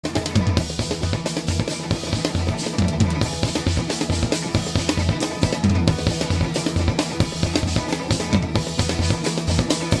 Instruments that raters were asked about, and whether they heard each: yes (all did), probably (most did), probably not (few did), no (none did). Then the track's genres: clarinet: no
cymbals: yes
bass: no
cello: no
Loud-Rock; Experimental Pop